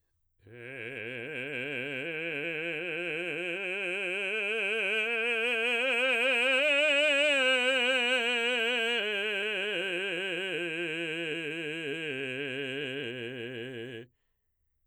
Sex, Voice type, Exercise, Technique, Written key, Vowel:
male, baritone, scales, vibrato, , e